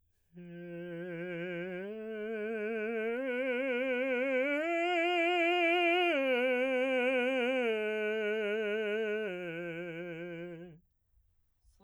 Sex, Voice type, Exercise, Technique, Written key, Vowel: male, baritone, arpeggios, slow/legato piano, F major, e